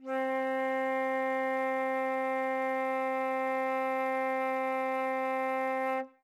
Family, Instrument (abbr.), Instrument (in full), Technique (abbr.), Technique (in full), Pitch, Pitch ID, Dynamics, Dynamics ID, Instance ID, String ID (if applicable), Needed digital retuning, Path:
Winds, Fl, Flute, ord, ordinario, C4, 60, ff, 4, 0, , FALSE, Winds/Flute/ordinario/Fl-ord-C4-ff-N-N.wav